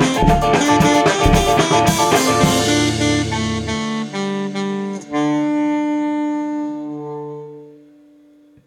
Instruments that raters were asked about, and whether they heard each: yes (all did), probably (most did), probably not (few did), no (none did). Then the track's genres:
saxophone: yes
Rock